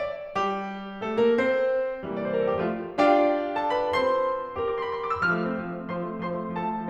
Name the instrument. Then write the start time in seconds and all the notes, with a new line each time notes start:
piano
0.00 D5
0.37 G3 G4
1.01 A3 A4
1.20 A#3 A#4
1.37 C4 C5
2.04 C3 E3 G3 A#3
2.15 D5
2.24 C5
2.33 A#4
2.40 A4
2.50 G4
2.60 F3 A3 F4
2.90 D4 F4 G4 F5 G5
3.55 A4 A5
3.70 B4 B5
3.91 C4 F4 A4 C5 C6
4.57 C4 G4 A#4
4.66 D6
4.75 C6
4.81 B5
4.88 C6
4.98 D6
5.10 E6
5.20 F3 F6
5.38 A3
5.48 C4
5.61 F3
5.71 A3
5.80 C4
5.91 F3 C5 C6
6.06 A3
6.15 C4
6.26 F3 C5 C6
6.34 A3
6.46 C4
6.56 F3 A4 A5
6.68 A3
6.80 C4